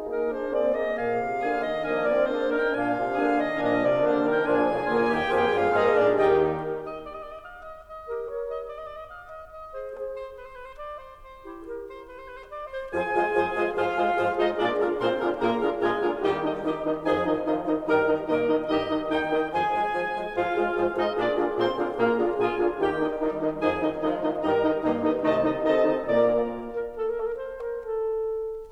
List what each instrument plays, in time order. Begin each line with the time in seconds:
0.00 horn A#3 G#4, bassoon D#4, clarinet A#4
0.22 bassoon D4, clarinet C5
0.46 horn A#3 G#4, bassoon C4, clarinet D5
0.72 bassoon A#3, clarinet D#5
0.94 bassoon A#2, horn A#3 G#4, clarinet F5, oboe G#5
1.21 bassoon C3
1.44 bassoon D3, horn A#3 D4, oboe G#4 G#5
1.68 bassoon D#3, clarinet D#5
1.94 bassoon F3 A#3, horn A#3 D4, clarinet D#5, oboe F5 G#5
2.15 bassoon C4, clarinet D5
2.37 horn A#3 D4, bassoon D4, clarinet G#4 C5
2.57 bassoon D#4, clarinet A#4, oboe F5
2.69 oboe G5
2.80 bassoon A#2 F4, horn A#3 D4, clarinet F5 G#5, oboe G#5
2.98 bassoon C3
3.22 bassoon D3, horn A#3 D4, oboe G#4 G#5
3.38 bassoon D#3, clarinet D#5
3.60 bassoon A#2 F3, horn A#3 D4, clarinet D#5, oboe F5 G#5
3.83 bassoon C3, clarinet D5
4.06 bassoon D3, horn A#3 D4, clarinet G#4 C5
4.24 bassoon D#3, clarinet A#4, oboe F5
4.32 oboe G5
4.44 bassoon A#1 F3, horn A#3 D4, oboe F4 G#5, clarinet G#4 G#5
4.73 bassoon C2
4.97 bassoon D2 D3, horn A#2 A#3, oboe F4
5.18 bassoon D#2 D#3, clarinet G4 G5
5.41 bassoon F2 F3, horn A#3 G#4, oboe F4, clarinet G4 G5
5.60 bassoon G2 G3, clarinet F4 F5
5.83 bassoon G#2 G#3, horn A#3 G#4, clarinet D#4 D#5, oboe F4 F5
5.93 bassoon A#2 A#3, clarinet D4 D5
6.16 bassoon D#2 D#3, horn D#3 G4, clarinet D#4 D#5, oboe D#4 G5
6.36 clarinet D#4 G4
6.58 clarinet G4 A#4
6.80 oboe D#5
7.05 oboe D5
7.16 oboe D#5
7.24 oboe D5
7.36 oboe D#5
7.48 oboe F5
7.70 oboe D#5
7.89 oboe D#5
8.06 clarinet G4 A#4
8.23 clarinet A#4 C#5
8.45 oboe D#5
8.68 oboe D5
8.80 oboe D#5
8.89 oboe D5
9.00 oboe D#5
9.11 oboe F5
9.33 oboe D#5
9.57 oboe D#5
9.73 clarinet G#4 C5
9.95 clarinet G#4 C5
10.16 oboe C5
10.34 oboe B4
10.45 oboe C5
10.54 oboe B4
10.65 oboe C5
10.76 oboe D5
10.98 oboe C5
11.18 oboe C5
11.41 clarinet E4 G4
11.62 clarinet G4 A#4
11.87 oboe C5
12.10 oboe B4
12.20 oboe C5
12.32 oboe B4
12.42 oboe C5
12.53 oboe D5
12.74 clarinet C5, oboe C5
12.92 bassoon F2 F3, horn F4 G#4, clarinet G#4 G#5, oboe C5 G#5
13.15 bassoon F3 G#3, horn F4 G#4, oboe C5
13.32 bassoon F2 F3, horn F4 G#4, oboe C5
13.53 bassoon F3 G#3, horn F4 G#4, oboe C5
13.71 bassoon G#2 F3, horn F4 G#4, clarinet F4 F5, oboe C5 F5
13.92 bassoon G#3, horn F4 G#4, oboe C5
14.14 bassoon G#2 F3, horn F4 G#4, oboe C5
14.34 bassoon G#3, clarinet D#4 D#5, horn F4 G#4, oboe C5 D#5
14.48 bassoon A#2 A#3, clarinet D4 D5, horn F4 G#4, oboe A#4 D5
14.68 bassoon D3 D4, horn F4 G#4, oboe A#4
14.88 bassoon A#2 A#3, clarinet C4 C5, horn F4 G#4, oboe A#4 C6
15.14 bassoon D3 D4, horn F4 G#4, oboe A#4
15.37 bassoon A#2 A#3, clarinet A#3 A#4, horn F4 G#4, oboe A#4 A#5
15.58 bassoon D3 D4, horn F4 G#4, oboe A#4
15.79 bassoon A#2 A#3, clarinet G#3 G#4, horn F4 G#4, oboe A#4 G#5
16.00 bassoon D3 D4, horn F4 G#4, oboe A#4
16.17 bassoon D#2 D#3, clarinet G3 G4, horn D#4 G4, oboe D#5 G5
16.35 horn D#3 D#4, oboe D#5
16.57 horn D#3 D#4, bassoon D#3 D#4, clarinet G4, oboe D#5
16.81 horn D#3 D#4, oboe D#5
17.03 bassoon F2 F3, horn D#3 D#4, clarinet G#4, oboe D#5 G#5
17.26 horn D#3 D#4, oboe D#5
17.48 horn D#3 D#4, bassoon F3 F4, oboe D#5
17.66 horn D#3 D#4, oboe D#5
17.83 bassoon G2 G3, horn D#3 D#4, clarinet A#4, oboe D#5 A#5
17.96 horn D#3 D#4, oboe D#5
18.16 bassoon A#2 A#3, horn D#3 D#4, clarinet A#4, oboe D#5
18.33 horn D#3 D#4, oboe D#5
18.58 bassoon G2 G3, horn D#3 D#4, clarinet G4 D#5, oboe D#5
18.80 horn D#3 D#4, oboe D#5
19.05 bassoon D#2 D#3, horn D#3 D#4, clarinet D#4 G5, oboe D#5 G5
19.26 horn D#3 D#4, oboe D#5
19.46 bassoon F2 F3, clarinet G#4 G#5, oboe C5 G#5
19.67 bassoon F3 G#3, oboe C5
19.90 bassoon F2 F3, oboe C5
20.11 bassoon F3 G#3, oboe C5
20.34 bassoon G#2 F3, horn F4 G#4, clarinet F4 F5, oboe C5 F5
20.56 bassoon G#3, horn F4 G#4, oboe C5
20.71 bassoon G#2 F3, horn F4 G#4, oboe C5
20.90 bassoon G#3, clarinet D#4 D#5, horn F4 G#4, oboe C5 D#5
21.10 bassoon A#2 A#3, clarinet D4 D5, horn F4 G#4, oboe A#4 D5
21.29 bassoon D3 D4, horn F4 G#4, oboe A#4
21.52 bassoon A#2 A#3, clarinet C4 C5, horn F4 G#4, oboe A#4 C6
21.75 bassoon D3 D4, horn F4 G#4, oboe A#4
21.98 bassoon A#2 A#3, clarinet A#3 A#4, horn F4 G#4, oboe A#4 A#5
22.21 bassoon D3 D4, horn F4 G#4, oboe A#4
22.40 bassoon A#2 A#3, horn F4 G#4, clarinet F4 G#4, oboe A#4 G#5
22.59 bassoon D3 D4, horn F4 G#4, oboe A#4
22.79 bassoon D#2 D#3, horn D#4 G4, clarinet G4, oboe A#4 G5
22.99 horn D#3 D#4, oboe D#5
23.19 horn D#3 D#4, bassoon D#3 D#4, clarinet G3, oboe D#5
23.43 horn D#3 D#4, oboe D#5
23.65 bassoon F2 F3, horn D#3 D#4, clarinet G#4, oboe D#5 G#5
23.85 horn D#3 D#4, oboe D#5
24.03 horn D#3 D#4, bassoon F3 F4, clarinet G#3, oboe D#5
24.20 horn D#3 D#4, oboe D#5
24.43 bassoon G2 G3, horn D#3 D#4, clarinet A#4, oboe D#5 A#5
24.60 horn D#3 D#4, oboe D#5
24.79 bassoon G2 G3, horn D#3 D#4, clarinet A#3, oboe D#5
25.01 horn D#3 D#4, oboe D#5
25.21 bassoon C2 C3, horn D#3 D#4, clarinet A3 D#5, oboe D#5 A5
25.34 horn D#3 D#4, oboe D#5
25.60 bassoon C3 C4, horn D#3 D#4, clarinet A4 D#5, oboe D#5 A5
25.81 horn D#3 D#4, oboe D#5
26.03 bassoon A#2 A#3, horn A#2 A#3, clarinet A#4 D5, oboe D5 A#5
26.76 clarinet A#4
26.95 clarinet A4
27.05 clarinet A#4
27.17 clarinet A4
27.28 clarinet A#4
27.36 clarinet C5
27.56 clarinet A#4
27.81 clarinet A4